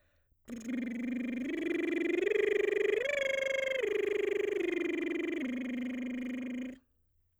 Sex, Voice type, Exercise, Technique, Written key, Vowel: female, soprano, arpeggios, lip trill, , i